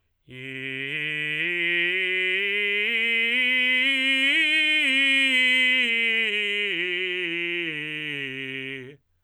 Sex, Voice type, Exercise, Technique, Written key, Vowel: male, tenor, scales, belt, , i